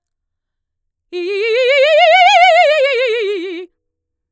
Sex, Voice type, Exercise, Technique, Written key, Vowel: female, mezzo-soprano, scales, fast/articulated forte, F major, i